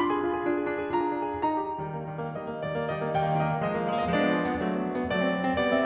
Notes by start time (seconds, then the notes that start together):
0.00 D4 F4 B5
0.13 G#4
0.24 D4 F4
0.37 G#4
0.48 D4 F4
0.58 G#4
0.67 D4 F4
0.80 G#4
0.93 D4 F4 A#5
1.03 G#4
1.17 D4 F4
1.31 G#4
1.42 D#4 A#5
1.61 G4
1.82 D#3 G3
1.99 A#3
2.08 D#3 G3
2.22 A#3
2.37 D#3 G3 D#5
2.52 A#3
2.64 D#3 G3 D5
2.75 A#3
2.88 D#3 G3 D#5
2.97 A#3
3.16 D#3 G3 G5
3.30 A#3
3.42 D#3 G3 D#5
3.54 A#3
3.63 F3 G#3 D#5
3.74 A#3
3.85 F3 G#3
3.95 B3 F5
4.04 D#5
4.12 F3 G#3 D4 D5
4.25 B3
4.34 F3 G#3
4.45 B3
4.57 F#3 A3
4.70 B3
4.83 F#3 A3
4.92 C4
5.06 F#3 A3 D5
5.17 C4
5.32 F#3 A3
5.43 C4
5.58 G3 B3 D5
5.75 C#4